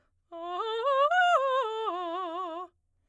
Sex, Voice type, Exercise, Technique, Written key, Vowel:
female, soprano, arpeggios, fast/articulated piano, F major, a